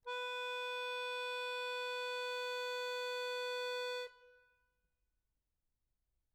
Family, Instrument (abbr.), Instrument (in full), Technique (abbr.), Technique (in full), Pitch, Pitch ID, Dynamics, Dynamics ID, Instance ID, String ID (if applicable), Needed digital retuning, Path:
Keyboards, Acc, Accordion, ord, ordinario, B4, 71, mf, 2, 0, , FALSE, Keyboards/Accordion/ordinario/Acc-ord-B4-mf-N-N.wav